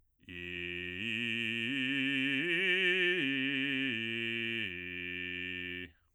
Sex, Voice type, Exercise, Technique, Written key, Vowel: male, bass, arpeggios, slow/legato forte, F major, i